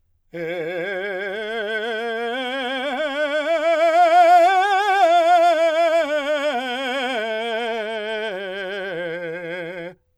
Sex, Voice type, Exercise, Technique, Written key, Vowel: male, , scales, slow/legato forte, F major, e